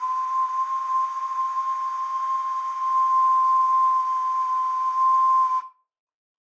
<region> pitch_keycenter=84 lokey=84 hikey=84 tune=-3 volume=5.009126 trigger=attack ampeg_attack=0.004000 ampeg_release=0.100000 sample=Aerophones/Edge-blown Aerophones/Ocarina, Typical/Sustains/Sus/StdOcarina_Sus_C5.wav